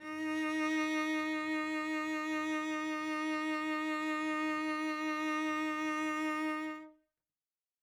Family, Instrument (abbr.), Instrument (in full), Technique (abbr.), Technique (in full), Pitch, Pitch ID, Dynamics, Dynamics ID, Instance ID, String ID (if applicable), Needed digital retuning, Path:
Strings, Vc, Cello, ord, ordinario, D#4, 63, mf, 2, 0, 1, FALSE, Strings/Violoncello/ordinario/Vc-ord-D#4-mf-1c-N.wav